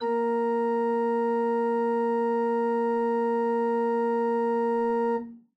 <region> pitch_keycenter=58 lokey=58 hikey=59 volume=8.574263 offset=7 ampeg_attack=0.004000 ampeg_release=0.300000 amp_veltrack=0 sample=Aerophones/Edge-blown Aerophones/Renaissance Organ/Full/RenOrgan_Full_Room_A#2_rr1.wav